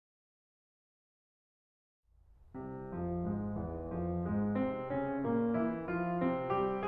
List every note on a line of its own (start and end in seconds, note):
2.05 2.92 C2
2.05 2.92 C3
2.92 3.28 F2
2.92 3.28 F3
3.28 3.61 G#2
3.28 3.61 G#3
3.61 3.95 E2
3.61 3.95 E3
3.95 4.23 F2
3.95 4.23 F3
4.24 4.60 G#2
4.24 4.60 G#3
4.60 4.95 C3
4.60 4.95 C4
4.95 5.28 C#3
4.95 5.28 C#4
5.28 5.61 A#2
5.28 5.61 A#3
5.61 5.86 E3
5.61 5.86 E4
5.87 6.20 F3
5.87 6.20 F4
6.20 6.57 C3
6.20 6.57 C4
6.57 6.87 G3
6.57 6.87 G4